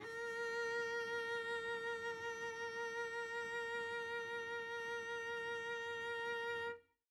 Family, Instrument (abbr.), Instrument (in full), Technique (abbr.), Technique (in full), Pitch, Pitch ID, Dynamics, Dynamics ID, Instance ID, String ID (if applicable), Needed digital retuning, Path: Strings, Vc, Cello, ord, ordinario, A#4, 70, mf, 2, 1, 2, FALSE, Strings/Violoncello/ordinario/Vc-ord-A#4-mf-2c-N.wav